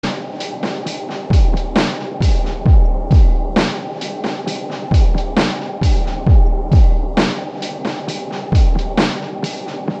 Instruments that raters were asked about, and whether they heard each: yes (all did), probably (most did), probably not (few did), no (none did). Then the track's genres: banjo: probably not
cymbals: probably
mandolin: no
ukulele: no
Experimental; Ambient; Trip-Hop